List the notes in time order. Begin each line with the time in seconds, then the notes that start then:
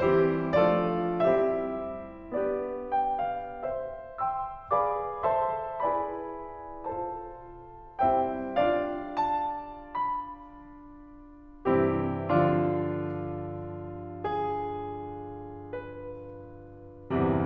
0.00 E3 G3 C4 G4 C5
0.57 F3 A3 C4 D4 A4 C5 D5
1.11 G3 C4 E4 G4 C5 E5
2.26 B3 D4 G4 B4 D5
2.86 G5
3.18 F5
3.62 C5 E5
4.17 C6 E6
4.74 G#4 B4 D5 F5 B5 D6
5.27 A4 C5 E5 A5 C6
5.83 E4 G#4 B4 D5 G#5 B5
6.93 F4 A4 C5 A5
8.02 G3 C4 E4 C5 E5 G5
8.56 D4 F4 D5 F5
9.16 A5
9.69 B5
11.69 G2 C3 E3 C4 E4 G4
12.32 D3 F3 D4 F4
14.25 G#4
15.62 B4